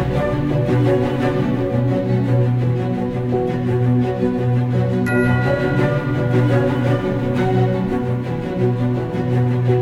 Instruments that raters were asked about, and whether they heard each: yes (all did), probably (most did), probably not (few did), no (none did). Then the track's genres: cello: yes
Soundtrack